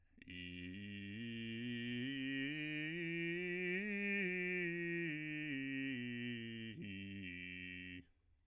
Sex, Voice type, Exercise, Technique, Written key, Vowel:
male, bass, scales, slow/legato piano, F major, i